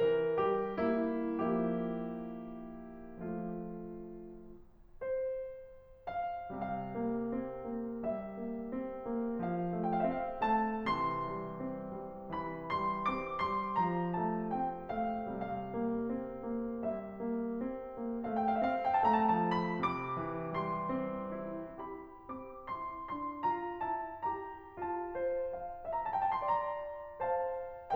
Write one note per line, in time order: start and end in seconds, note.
0.00 0.33 E3
0.00 0.33 A#4
0.35 0.74 G3
0.35 0.74 G4
0.80 1.39 A#3
0.80 1.39 E4
1.40 3.90 F3
1.40 3.15 A#3
1.40 3.15 E4
1.40 3.15 G4
3.16 3.90 A3
3.16 3.90 F4
5.02 6.06 C5
6.06 6.52 F5
6.54 10.87 C3
6.54 6.93 G3
6.54 8.03 F5
6.94 7.33 A#3
7.35 7.74 C4
7.76 8.03 A#3
8.05 8.34 G3
8.05 9.42 E5
8.35 8.70 A#3
8.71 9.09 C4
9.10 9.42 A#3
9.43 9.82 F3
9.43 9.82 F5
9.85 10.16 A3
9.85 10.07 G5
9.96 10.16 F5
10.08 10.24 E5
10.17 10.45 C4
10.17 10.45 F5
10.46 10.87 A3
10.46 10.87 A5
10.88 15.23 C3
10.88 11.31 E3
10.88 12.33 C6
11.32 11.64 G3
11.66 12.02 C4
12.03 12.33 G3
12.33 12.77 E3
12.33 12.77 B5
12.78 13.14 G3
12.78 13.14 C6
13.15 13.41 C4
13.15 13.41 D6
13.42 13.78 G3
13.42 13.78 C6
13.79 14.18 F3
13.79 14.18 A#5
14.19 14.52 A3
14.19 14.52 A5
14.54 14.87 C4
14.54 14.87 G5
14.88 15.23 A3
14.88 15.23 F5
15.28 19.77 C3
15.28 15.73 G3
15.28 16.87 F5
15.74 16.13 A#3
16.14 16.52 C4
16.56 16.87 A#3
16.88 17.18 G3
16.88 18.26 E5
17.19 17.55 A#3
17.57 17.95 C4
17.96 18.26 A#3
18.27 18.59 A3
18.27 18.41 F5
18.44 18.49 G5
18.48 18.55 F5
18.53 18.59 E5
18.60 18.98 C4
18.60 18.77 F5
18.78 18.98 G5
19.01 19.32 A3
19.01 19.13 A5
19.14 19.23 A#5
19.21 19.30 A5
19.28 19.32 G5
19.33 19.77 F3
19.33 19.57 A5
19.59 19.77 B5
19.78 20.18 C3
19.78 20.55 D6
20.19 20.55 E3
20.60 20.89 G3
20.60 21.92 C6
20.90 21.34 C4
21.35 21.92 E4
21.95 22.29 G4
21.95 22.29 B5
22.30 22.71 C4
22.30 22.71 D6
22.72 23.08 E4
22.72 23.08 C6
23.09 23.43 D4
23.09 23.43 C6
23.44 23.84 F4
23.44 23.84 A#5
23.85 24.21 E4
23.85 24.21 A5
24.22 24.83 G4
24.22 24.83 A#5
24.85 27.95 F4
24.85 25.67 A5
25.23 25.67 C5
25.68 26.09 F5
25.68 26.09 A#5
25.94 26.23 A5
26.10 26.38 E5
26.10 26.38 G5
26.24 26.55 A5
26.39 27.19 D5
26.39 26.68 C6
26.56 27.19 A#5
27.20 27.95 C5
27.20 27.95 F5
27.20 27.95 A5